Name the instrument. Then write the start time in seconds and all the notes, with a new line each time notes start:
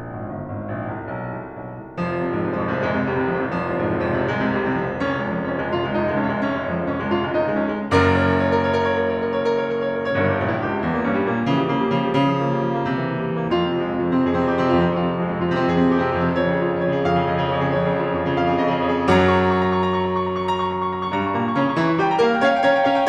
piano
0.00 A#1
0.17 G#1
0.35 G1
0.52 G#1
0.73 A#1
0.92 C2
1.09 B1
1.40 C2
1.59 B1
1.79 C2
2.02 F1 F3
2.12 C2 C3
2.21 F2 G#2
2.33 C2 C3
2.53 F1 F3
2.72 C2 C3
2.84 F1 G#3
2.94 C2 C3
3.03 F1 G3
3.13 C2 C3
3.27 F1 F3
3.45 C2 C3
3.54 F1 F3
3.65 C2 C3
3.81 F2 G#2
3.90 C2 C3
3.99 F1 F3
4.17 C2 C3
4.26 F1 G#3
4.37 C2 C3
4.46 F1 G3
4.64 C2 C3
4.74 F1 F3
4.83 C2 C3
4.96 F1 C#4
5.04 C#2 G#3
5.17 F2 F3
5.27 C#2 G#3
5.35 F1 C#4
5.50 C#2 G#3
5.62 F1 F4
5.72 C#2 G#3
5.86 F1 D#4
5.96 C#2 G#3
6.14 F1 C#4
6.28 C#2 G#3
6.39 F1 C#4
6.50 C#2 G#3
6.72 F2 F3
6.84 C#2 G#3
6.91 F1 C#4
7.05 C#2 G#3
7.14 F1 F4
7.24 C#2 G#3
7.34 F1 D#4
7.43 C#2 G#3
7.55 F1 C#4
7.76 C#2 G#3
7.87 F#1 F#2 A#4
8.10 C#5
8.46 A#4
8.58 C#5
8.70 A#4
8.81 C#5
8.89 A#4
8.97 C#5
9.04 A#4
9.15 C#5
9.26 A#4
9.36 C#5
9.47 A#4
9.57 C#5
9.62 A#4
9.71 C#5
9.76 A#4
9.86 C#5
9.97 G1 G2 A#4
10.05 C#5
10.18 A#1 G4
10.27 A#4
10.36 C#2 E4
10.46 G4
10.61 E2 C#4
10.73 E4
10.81 G2 A#3
10.92 C#4
11.12 A#2 G3
11.28 A#3
11.53 C#3 F3
11.63 G3
11.75 C#3 A#3
11.84 G3
11.92 C#3 F3
12.06 G3
12.21 C#3
12.29 F3
12.43 A#3
12.55 G3
12.63 F3
12.75 A#3
12.83 C3
12.92 E3
13.06 A#3
13.15 G3
13.26 E3
13.34 A#3
13.43 F2 F4
13.66 C3 C4
13.78 F3 G#3
13.87 C3 C4
13.96 F2 F4
14.08 C3 C4
14.23 F2 G#4
14.36 C3 C4
14.51 F2 G4
14.69 C3 C4
14.86 F2 F4
14.99 C3 C4
15.08 F2 F4
15.27 C3 C4
15.36 F3 G#3
15.50 C3 C4
15.59 F2 F4
15.69 C3 C4
15.77 F2 G#4
15.89 C3 C4
15.98 F2 G4
16.04 C3 C4
16.14 F2 F4
16.27 C3 C4
16.37 F2 C#5
16.49 C#3 G#4
16.58 F3 F4
16.71 C#3 G#4
16.79 F2 C#5
16.92 C#3 G#4
17.02 F2 F5
17.17 C#3 G#4
17.29 F2 D#5
17.39 C#3 G#4
17.51 F2 C#5
17.64 C#3 G#4
17.79 F2 C#5
17.88 C#3 G#4
17.97 F3 F4
18.05 C#3 G#4
18.16 F2 C#5
18.32 C#3 G#4
18.40 F2 F5
18.53 C#3 G#4
18.62 F2 D#5
18.72 C#3 G#4
18.88 F2 C#5
18.98 C#3 G#4
19.11 F#2 F#3 A#5
19.24 C#6
19.40 A#5
19.48 C#6
19.71 A#5
19.85 C#6
19.95 A#5
20.06 C#6
20.15 A#5
20.25 C#6
20.36 A#5
20.48 C#6
20.56 A#5
20.67 C#6
20.76 A#5
20.89 C#6
20.99 A#5
21.08 C#6
21.18 G2 G3 A#5
21.29 C#6
21.39 A#2 A#3 A#5
21.49 C#6
21.56 C#3 C#4 A#5
21.66 C#6
21.77 E3 E4 A#5
21.86 C#6
21.99 G3 G4 G5
22.13 A#5
22.22 A#3 A#4 F5
22.34 G5
22.43 C#4 C#5 F5
22.55 G5
22.71 C#4 C#5 A#5
22.79 G5
22.87 C#4 C#5 F5
22.95 G5